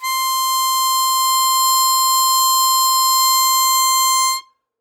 <region> pitch_keycenter=84 lokey=82 hikey=86 volume=5.396118 trigger=attack ampeg_attack=0.004000 ampeg_release=0.100000 sample=Aerophones/Free Aerophones/Harmonica-Hohner-Super64/Sustains/Normal/Hohner-Super64_Normal _C5.wav